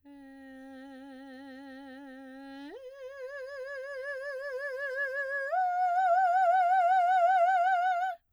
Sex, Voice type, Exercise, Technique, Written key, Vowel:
female, soprano, long tones, full voice pianissimo, , e